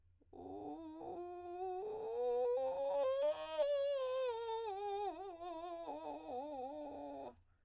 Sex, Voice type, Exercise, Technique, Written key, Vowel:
female, soprano, scales, vocal fry, , u